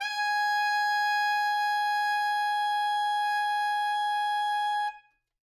<region> pitch_keycenter=80 lokey=80 hikey=81 volume=15.438978 lovel=84 hivel=127 ampeg_attack=0.004000 ampeg_release=0.500000 sample=Aerophones/Reed Aerophones/Tenor Saxophone/Non-Vibrato/Tenor_NV_Main_G#4_vl3_rr1.wav